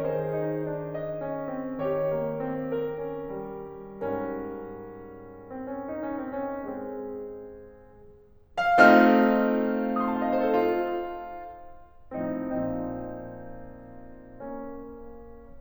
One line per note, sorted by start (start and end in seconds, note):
0.01 1.80 D#3
0.01 1.80 G#4
0.01 0.92 C5
0.41 0.64 D#4
0.65 0.92 D4
0.93 1.80 D#5
1.28 1.50 C#4
1.51 1.80 C4
1.81 3.99 D#3
1.81 3.99 G4
1.81 2.71 C#5
2.05 2.37 A#3
2.39 2.71 C4
2.73 3.99 A#4
3.00 3.36 C#4
3.37 3.99 G3
4.01 8.09 G#2
4.01 6.63 G3
4.01 5.47 C#4
4.01 6.63 A#4
5.48 5.91 C4
5.71 6.03 C#4
5.96 6.12 D#4
6.04 6.36 C#4
6.14 6.63 C4
6.37 6.71 C#4
6.64 8.09 G#3
6.64 8.09 C4
6.64 8.09 G#4
8.80 10.52 A3
8.80 10.52 C4
8.80 10.52 D#4
8.80 10.52 F4
8.80 8.94 F5
8.95 9.83 F6
9.85 10.10 D#6
10.02 10.18 C6
10.11 10.26 A5
10.19 10.37 F5
10.27 10.45 D#5
10.38 10.52 C5
10.46 10.60 A4
10.53 11.30 F4
12.12 12.43 A2
12.12 12.43 F3
12.12 12.43 C4
12.12 12.43 D#4
12.45 15.01 A#2
12.45 15.01 F3
12.45 14.25 C4
12.45 14.25 D#4
14.29 15.01 A#3
14.29 15.01 C#4